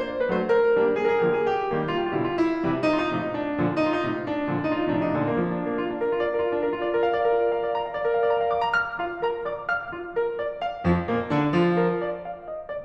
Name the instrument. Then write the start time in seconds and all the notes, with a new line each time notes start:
piano
0.00 C5
0.06 D5
0.10 C5 D5
0.19 F#3 A3 D4 C5
0.24 D5
0.30 B4
0.36 C5
0.44 A#4
0.78 G3 A#3 D4
1.00 G#4
1.06 A#4
1.13 G#4
1.18 A#4
1.24 D3 F3 A#3 G#4
1.34 A#4
1.38 G4
1.46 G#4
1.52 G4
1.74 D#3 G3 A#3
1.95 F4
2.00 G4
2.05 F4
2.11 G4
2.18 B2 D3 G3 F4
2.25 G4
2.31 E4
2.37 F4
2.43 E4
2.65 C3 E3 G3
2.86 D#4
2.90 F4
2.96 D#4
3.01 F4
3.08 A2 C3 F3 D#4
3.16 F4
3.20 D4
3.26 D#4
3.31 D4
3.58 A#2 D3 F3
3.76 D#4
3.83 F4
3.92 D#4
3.98 F4
4.04 A2 C3 F3 D#4
4.09 F4
4.14 D4
4.20 D4 D#4
4.48 A#2 D3 F3
4.67 D#4
4.73 F4
4.77 D#4
4.83 F4
4.90 A2 C3 F3 D#4
4.95 F4
5.03 D4
5.07 D#4
5.13 A#2 D3 F3 D4
5.29 A#3
5.40 F3
5.51 A#3
5.61 D4
5.72 A#3
5.82 F4
5.93 D4
6.03 A#4
6.13 F4
6.23 D5
6.35 A#4
6.43 F4
6.52 D4
6.62 A#4
6.75 F4
6.85 D5
6.93 A#4
7.02 F5
7.14 D5
7.27 A#4
7.37 F4
7.44 D5
7.51 A#4
7.59 F5
7.67 D5
7.78 A#5
7.88 F5
7.95 D5
8.08 A#4
8.20 F5
8.30 D5
8.44 A#5
8.54 F5
8.66 D6
8.71 A#5
8.81 F6
9.01 F4 F5
9.24 A#4 A#5
9.50 D5 D6
9.72 F5 F6
9.91 F4
10.15 A#4
10.38 D5
10.65 F5
10.87 F2 F3
11.09 A#2 A#3
11.30 D3 D4
11.55 F3 F4
11.76 A#4
12.07 D5
12.27 F5
12.52 D#5
12.67 D5